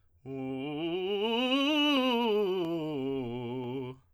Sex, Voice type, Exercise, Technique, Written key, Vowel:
male, tenor, scales, fast/articulated forte, C major, u